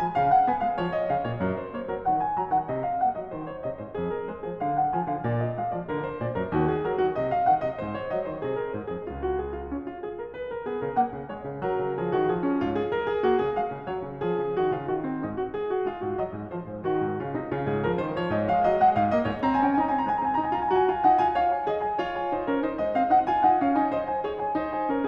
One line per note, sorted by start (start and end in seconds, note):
0.00 0.17 F3
0.00 0.17 G#5
0.17 0.49 C#3
0.17 0.35 F5
0.35 0.49 F#5
0.49 0.67 B3
0.49 0.67 G#5
0.67 0.78 G#3
0.67 0.78 F5
0.78 1.09 F3
0.78 0.92 C#5
0.92 1.09 D#5
1.09 1.25 C#3
1.09 1.25 F5
1.25 1.40 A#2
1.25 1.40 C#5
1.40 1.76 F#2
1.40 1.58 A#4
1.58 1.76 C5
1.76 1.93 A#3
1.76 1.93 C#5
1.93 2.07 F#3
1.93 2.07 A#4
2.07 2.36 D#3
2.07 2.21 F#5
2.21 2.36 G#5
2.36 2.51 F#3
2.36 2.51 A#5
2.51 2.71 D#3
2.51 2.71 F#5
2.71 3.04 C3
2.71 2.87 D#5
2.87 3.04 F5
3.04 3.18 A#3
3.04 3.18 F#5
3.18 3.38 F#3
3.18 3.38 D#5
3.38 3.67 D#3
3.38 3.52 C5
3.52 3.67 C#5
3.67 3.80 C3
3.67 3.80 D#5
3.80 3.96 G#2
3.80 3.96 C5
3.96 4.28 F2
3.96 4.12 G#4
4.12 4.28 A#4
4.28 4.46 G#3
4.28 4.46 C5
4.46 4.60 F3
4.46 4.60 G#4
4.60 4.93 D3
4.60 4.74 F5
4.74 4.93 F#5
4.93 5.11 F3
4.93 5.11 G#5
5.11 5.25 D3
5.11 5.25 F5
5.25 5.57 A#2
5.25 5.42 D5
5.42 5.57 D#5
5.57 5.72 G#3
5.57 5.72 F5
5.72 5.87 F3
5.72 5.87 D5
5.87 6.22 D3
5.87 6.04 A#4
6.04 6.22 C5
6.22 6.35 A#2
6.22 6.35 D5
6.35 6.48 F#2
6.35 6.48 A#4
6.48 6.83 D#2
6.48 6.63 F#4
6.63 6.83 G#4
6.83 7.00 F#3
6.83 7.00 A#4
7.00 7.20 D#3
7.00 7.20 F#4
7.20 7.52 C3
7.20 7.34 D#5
7.34 7.52 F5
7.52 7.64 D#3
7.52 7.64 F#5
7.64 7.79 C3
7.64 7.79 D#5
7.79 8.10 G#2
7.79 7.96 C5
7.96 8.10 C#5
8.10 8.25 F#3
8.10 8.25 D#5
8.25 8.43 D#3
8.25 8.43 C5
8.43 8.72 C3
8.43 8.59 G#4
8.59 8.72 A#4
8.72 8.92 G#2
8.72 8.92 C5
8.92 9.09 F2
8.92 9.09 G#4
9.09 9.36 C#2
9.09 9.18 F4
9.18 9.36 F#4
9.36 9.55 G#4
9.55 9.69 F4
9.69 9.86 C#4
9.86 10.05 F4
10.05 10.21 G#4
10.21 10.34 A#4
10.34 10.51 B4
10.51 10.65 A#4
10.65 10.80 B3
10.65 10.80 G#4
10.80 10.97 C#3
10.80 10.97 A#4
10.97 11.11 A#3
10.97 11.27 F#5
11.11 11.27 C#3
11.27 11.45 G#3
11.27 11.62 C#5
11.45 11.62 C#3
11.62 11.81 F#3
11.62 11.96 A#4
11.81 11.96 C#3
11.96 12.10 F3
11.96 12.10 G#4
12.10 12.29 D#3
12.10 12.29 F#4
12.29 12.55 F3
12.29 12.41 G#4
12.41 12.55 C#4
12.55 12.92 G#2
12.55 12.76 F4
12.76 12.92 G#4
12.92 13.08 A#4
13.08 13.26 G#4
13.26 13.43 A#3
13.26 13.43 F#4
13.43 13.56 C#3
13.43 13.56 G#4
13.56 13.73 G#3
13.56 13.86 F5
13.73 13.86 C#3
13.86 14.04 F#3
13.86 14.20 C#5
14.04 14.20 C#3
14.20 14.38 F3
14.20 14.54 G#4
14.38 14.54 C#3
14.54 14.72 D#3
14.54 14.72 F#4
14.72 14.88 C#3
14.72 14.88 F4
14.88 15.20 D#3
14.88 15.03 F#4
15.03 15.20 C4
15.20 15.56 G#2
15.20 15.38 D#4
15.38 15.56 F#4
15.56 15.73 G#4
15.73 15.88 F#4
15.88 16.01 G#3
15.88 16.01 F4
16.01 16.20 G#2
16.01 16.21 F#4
16.20 16.37 F#3
16.20 16.53 D#5
16.37 16.53 G#2
16.53 16.68 F3
16.53 16.86 C5
16.68 16.86 G#2
16.86 17.04 D#3
16.86 17.22 F#4
17.04 17.22 G#2
17.22 17.35 C#3
17.22 17.35 F4
17.35 17.52 C3
17.35 17.52 D#4
17.52 17.69 C#3
17.52 17.69 F4
17.69 17.88 G#2
17.69 17.88 G#4
17.88 18.04 F3
17.88 18.04 A#4
18.04 18.19 D#3
18.04 18.19 C5
18.19 18.31 F3
18.19 18.31 C#5
18.31 18.51 G#2
18.31 18.51 D#5
18.51 18.66 G#3
18.51 18.66 F5
18.66 18.81 F#3
18.66 18.81 D#5
18.81 18.98 G#3
18.81 18.98 F#5
18.98 19.11 G#2
18.98 19.11 F5
19.11 19.25 A#3
19.11 19.25 D#5
19.25 19.42 G#2
19.25 19.42 C#5
19.42 19.62 C4
19.42 19.49 A#5
19.49 19.57 G#5
19.57 19.63 A#5
19.62 19.77 C#4
19.62 19.69 G#5
19.69 19.75 A#5
19.75 19.93 D#4
19.75 19.80 G#5
19.80 19.86 A#5
19.86 19.92 G#5
19.92 20.06 C4
19.92 20.00 G#5
19.92 19.96 A#5
20.00 20.07 A#5
20.06 20.17 G#3
20.06 20.12 A#5
20.12 20.18 G#5
20.17 20.33 C4
20.17 20.24 A#5
20.24 20.29 G#5
20.29 20.54 D#4
20.29 20.35 A#5
20.35 20.42 G#5
20.42 20.54 A#5
20.54 20.74 F4
20.54 20.61 G#5
20.61 20.71 A#5
20.74 20.90 F#4
20.74 20.86 G#5
20.90 21.10 F4
20.90 21.10 G#5
21.10 21.22 D#4
21.10 21.22 F#5
21.22 21.40 F4
21.22 21.40 G#5
21.40 21.69 C#5
21.40 21.55 F5
21.55 21.69 G#5
21.69 22.00 G#4
21.69 21.84 D#5
21.84 22.00 G#5
22.00 22.36 F4
22.00 22.20 C#5
22.20 22.36 G#5
22.36 22.56 D#4
22.36 22.56 C5
22.56 22.66 C#4
22.56 22.66 A#4
22.66 22.79 D#4
22.66 22.79 C5
22.79 22.95 G#3
22.79 22.95 D#5
22.95 23.14 C4
22.95 23.14 F5
23.14 23.29 D#4
23.14 23.29 F#5
23.29 23.46 F4
23.29 23.46 G#5
23.46 23.61 D#4
23.46 23.61 F#5
23.61 23.75 C#4
23.61 23.75 F5
23.75 23.88 D#4
23.75 23.90 G#5
23.90 24.25 C5
23.90 24.09 D#5
24.09 24.25 G#5
24.25 24.57 G#4
24.25 24.37 C#5
24.37 24.57 G#5
24.57 24.92 D#4
24.57 24.76 C5
24.76 24.92 G#5
24.92 25.08 C#4
24.92 25.08 A#4